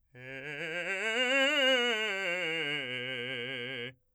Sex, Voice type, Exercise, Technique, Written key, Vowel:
male, , scales, fast/articulated forte, C major, e